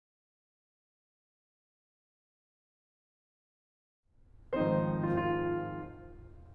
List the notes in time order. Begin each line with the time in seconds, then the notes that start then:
4.34 G#2 D#3 F3 G#3 C4 D#4 C5
4.91 F4
5.07 F4